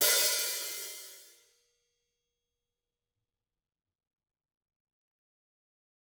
<region> pitch_keycenter=46 lokey=46 hikey=46 volume=9.188054 offset=198 seq_position=2 seq_length=2 ampeg_attack=0.004000 ampeg_release=30.000000 sample=Idiophones/Struck Idiophones/Hi-Hat Cymbal/HiHat_HitO_rr2_Mid.wav